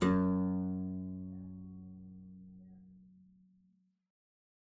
<region> pitch_keycenter=42 lokey=42 hikey=43 volume=-1 trigger=attack ampeg_attack=0.004000 ampeg_release=0.350000 amp_veltrack=0 sample=Chordophones/Zithers/Harpsichord, English/Sustains/Lute/ZuckermannKitHarpsi_Lute_Sus_F#1_rr1.wav